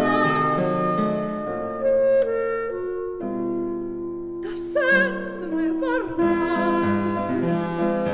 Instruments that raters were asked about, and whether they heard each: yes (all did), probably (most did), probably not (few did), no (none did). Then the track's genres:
flute: probably not
clarinet: yes
Classical; Opera